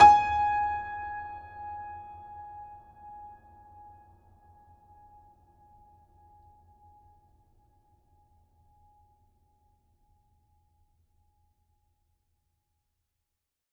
<region> pitch_keycenter=80 lokey=80 hikey=81 volume=-2.534626 lovel=100 hivel=127 locc64=65 hicc64=127 ampeg_attack=0.004000 ampeg_release=0.400000 sample=Chordophones/Zithers/Grand Piano, Steinway B/Sus/Piano_Sus_Close_G#5_vl4_rr1.wav